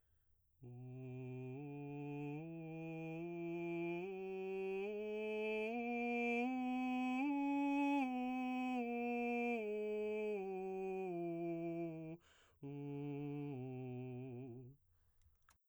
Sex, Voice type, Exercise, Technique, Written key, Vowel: male, baritone, scales, straight tone, , u